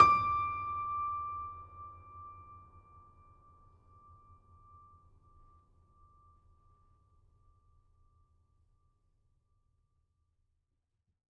<region> pitch_keycenter=86 lokey=86 hikey=87 volume=-1.786868 lovel=66 hivel=99 locc64=65 hicc64=127 ampeg_attack=0.004000 ampeg_release=0.400000 sample=Chordophones/Zithers/Grand Piano, Steinway B/Sus/Piano_Sus_Close_D6_vl3_rr1.wav